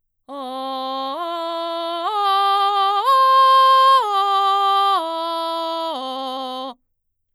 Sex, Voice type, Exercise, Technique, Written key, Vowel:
female, mezzo-soprano, arpeggios, belt, , o